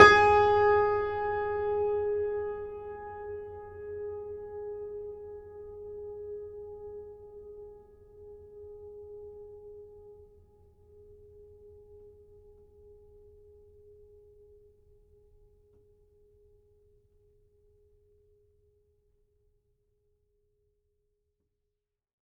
<region> pitch_keycenter=68 lokey=68 hikey=69 volume=-0.266329 lovel=100 hivel=127 locc64=65 hicc64=127 ampeg_attack=0.004000 ampeg_release=0.400000 sample=Chordophones/Zithers/Grand Piano, Steinway B/Sus/Piano_Sus_Close_G#4_vl4_rr1.wav